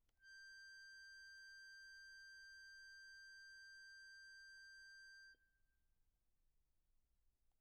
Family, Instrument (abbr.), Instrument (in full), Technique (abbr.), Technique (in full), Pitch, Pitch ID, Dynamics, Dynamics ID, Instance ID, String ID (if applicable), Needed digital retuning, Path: Keyboards, Acc, Accordion, ord, ordinario, G6, 91, pp, 0, 1, , FALSE, Keyboards/Accordion/ordinario/Acc-ord-G6-pp-alt1-N.wav